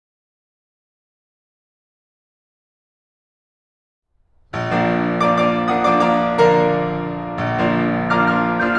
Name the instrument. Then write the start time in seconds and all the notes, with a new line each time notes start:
piano
4.04 A#3 A#4
4.99 A#1
5.10 F3 A#3 D4
5.49 F3 A#3 D4 D5 F5 A#5 D6
5.65 F3 A#3 D4 D5 F5 A#5 D6
5.97 F3 A#3 D4 D5 F5 A#5 D#6
6.11 F3 A#3 D4 D5 F5 A#5 D6
6.22 F3 A#3 D4 D5 F5 A#5 D6
6.51 D3 F3 A#3 A#4 D5 F5 A#5
7.30 A#1
7.57 F3 A#3 D4 F4
8.10 F3 A#3 D4 F4 F5 A#5 D6 F6
8.24 F3 A#3 D4 F4 F5 A#5 D6 F6
8.64 F3 A#3 D4 F4 F5 A#5 D6 G6